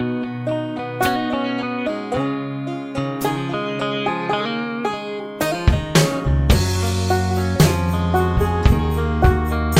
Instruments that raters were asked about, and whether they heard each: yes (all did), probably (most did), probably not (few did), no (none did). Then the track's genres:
banjo: yes
mandolin: probably
Pop; Folk; Singer-Songwriter